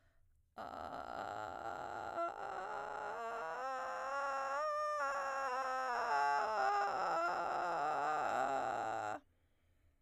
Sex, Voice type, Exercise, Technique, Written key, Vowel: female, soprano, scales, vocal fry, , a